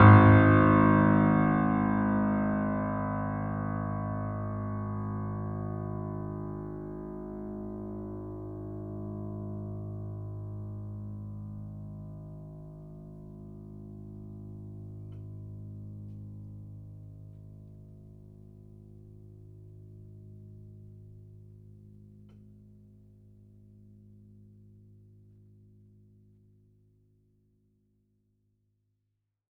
<region> pitch_keycenter=32 lokey=32 hikey=33 volume=-0.279228 lovel=0 hivel=65 locc64=65 hicc64=127 ampeg_attack=0.004000 ampeg_release=0.400000 sample=Chordophones/Zithers/Grand Piano, Steinway B/Sus/Piano_Sus_Close_G#1_vl2_rr1.wav